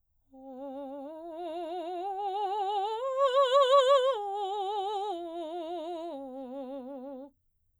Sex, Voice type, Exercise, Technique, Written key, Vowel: female, soprano, arpeggios, slow/legato piano, C major, o